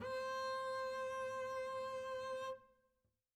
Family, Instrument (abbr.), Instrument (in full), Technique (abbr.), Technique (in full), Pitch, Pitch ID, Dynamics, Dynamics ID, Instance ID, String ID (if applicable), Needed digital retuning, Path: Strings, Cb, Contrabass, ord, ordinario, C5, 72, mf, 2, 0, 1, FALSE, Strings/Contrabass/ordinario/Cb-ord-C5-mf-1c-N.wav